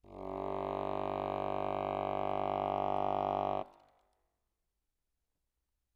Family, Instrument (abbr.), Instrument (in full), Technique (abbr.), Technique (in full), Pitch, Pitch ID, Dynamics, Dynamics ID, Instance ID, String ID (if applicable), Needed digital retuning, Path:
Keyboards, Acc, Accordion, ord, ordinario, G1, 31, ff, 4, 0, , TRUE, Keyboards/Accordion/ordinario/Acc-ord-G1-ff-N-T20u.wav